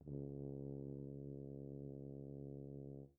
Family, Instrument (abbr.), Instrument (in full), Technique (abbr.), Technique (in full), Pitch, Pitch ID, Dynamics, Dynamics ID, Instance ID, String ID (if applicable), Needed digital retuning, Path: Brass, BTb, Bass Tuba, ord, ordinario, C#2, 37, pp, 0, 0, , FALSE, Brass/Bass_Tuba/ordinario/BTb-ord-C#2-pp-N-N.wav